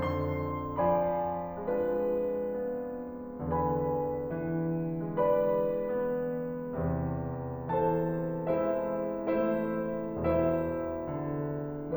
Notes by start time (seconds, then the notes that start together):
0.00 F2 D3 C6
0.81 F3 D5 G#5 B5
1.57 G#3 D4 F4 B4
2.55 B3
3.51 E2 D3 B4 G#5 B5
4.31 E3
5.20 G#3 B4 D5 B5
5.96 B3
6.76 E2 C3
7.72 E3 A4 C5 A5
8.48 G#3 E4 C5 E5
9.28 A3 E4 C5 E5
10.22 E2 B2 E4 C5 E5
11.17 D3